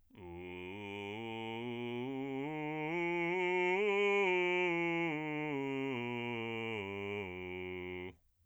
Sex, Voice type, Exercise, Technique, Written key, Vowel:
male, bass, scales, slow/legato forte, F major, u